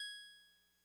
<region> pitch_keycenter=80 lokey=79 hikey=82 tune=-1 volume=24.993729 lovel=0 hivel=65 ampeg_attack=0.004000 ampeg_release=0.100000 sample=Electrophones/TX81Z/Clavisynth/Clavisynth_G#4_vl1.wav